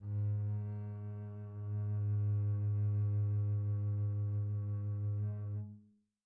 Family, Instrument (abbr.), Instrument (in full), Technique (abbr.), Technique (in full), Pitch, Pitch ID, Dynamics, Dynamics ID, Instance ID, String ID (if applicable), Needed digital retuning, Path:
Strings, Cb, Contrabass, ord, ordinario, G#2, 44, pp, 0, 2, 3, FALSE, Strings/Contrabass/ordinario/Cb-ord-G#2-pp-3c-N.wav